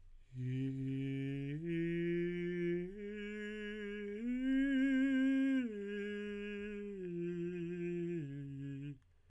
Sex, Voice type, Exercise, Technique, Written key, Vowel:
male, tenor, arpeggios, breathy, , i